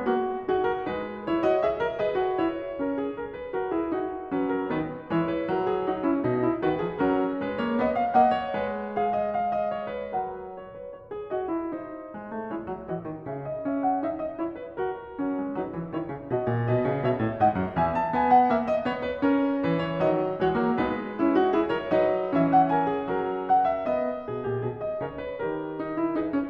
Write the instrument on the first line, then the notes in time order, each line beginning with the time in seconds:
piano
0.00 A#3 F#4
0.42 D#4 F#4 G#4
0.64 A#4
0.86 G#3 D#4 B4
1.24 E4 C#5
1.42 F#4 D#5
1.58 G#4 E5
1.80 A#4
2.00 G#4 B4 D#5
2.19 F#4
2.36 E4 C#5
2.80 C#4 A#4
3.00 G#4
3.18 A#4
3.34 B4
3.53 F#4 A#4
3.70 E4 G#4
3.90 D#4 F#4
4.31 F#3 C#4 B4
4.45 A#4
4.66 D#3 B3 B4
5.11 E3 G#3 E4 C#5
5.29 B4
5.46 F#3 A#4
5.67 G#4
5.86 D#4 F#4
6.06 C#4 E4
6.25 B2 D#4
6.43 E4
6.63 D#3 F#4 B4
6.84 F3 G#4
7.04 F#3 C#4 A#4
7.43 G#3 B4
7.62 A#3 C#5
7.80 B3 D#5
7.98 F5
8.15 A#3 D#5 F#5
8.35 C#5
8.54 G#3 B4
8.96 G#4 F5
9.11 D#5
9.30 F5
9.54 D#5
9.74 C#5
9.93 B4
10.12 F#3 A#4 F#5
10.62 C#5
10.76 B4
10.94 C#5
11.13 G#4
11.31 F#4 D#5
11.48 E4
11.74 D#4 C5
12.12 G#3
12.26 A3
12.47 G#3 E4 C#5
12.62 F#3
12.84 E3 F#4 D#5
13.01 D#3
13.27 C#3 G#4 E5
13.46 D#5
13.68 C#4 E5
13.84 F#5
14.05 D#4 E5
14.20 D#5
14.37 E4 C#5
14.58 B4
14.78 F#4 A#4
15.14 F#3 C#4
15.33 G#3
15.52 F#3 D#4 B4
15.72 E3
15.94 D#3 E4 C#5
16.07 C#3
16.30 B2 F#4 D#5
16.47 A#2
16.67 B2 B4 D#5
16.87 C#3
17.04 B2 C#5 E5
17.21 A2
17.37 G#2 D#5 F#5
17.54 F#2
17.76 E2 E5 G#5
17.97 A5
18.16 B3 G#5
18.37 F#5
18.48 A#3 E5
18.67 D#5
18.84 B3 C#5
19.03 B4
19.24 C#4 A#4
19.61 E3 B4
19.83 C#5
20.00 D#3 F#3 D#5
20.40 E3 G#3 F#4 C#5
20.57 F#3 A#3
20.77 G#3 B3 D#4 B4
21.16 C#4 E4
21.37 D#4 F#4
21.54 E4 G#4
21.66 A#4 C#5
21.88 F#3 D#4 B4 D#5
22.35 E3 C#4 E5
22.53 F#5
22.72 A#4 G#5
22.93 G#4
23.12 F#3 A#4
23.49 F#5
23.65 E5
23.87 B3 D#5
24.28 B2 G#4
24.47 A#2 G4
24.65 B2 G#4
24.78 D#5
24.98 C#3 A#4 C#5
25.22 B4
25.44 D#3 G4 A#4
25.80 D#4
26.01 E4
26.17 D#4 G#4 B4
26.30 C#4